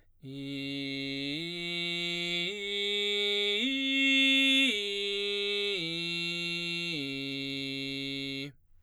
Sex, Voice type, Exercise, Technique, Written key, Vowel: male, baritone, arpeggios, belt, , i